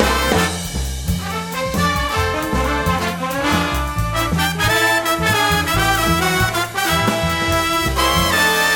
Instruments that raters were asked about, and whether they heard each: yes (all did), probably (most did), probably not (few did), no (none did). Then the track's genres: trombone: yes
accordion: no
trumpet: yes
Blues; Jazz; Big Band/Swing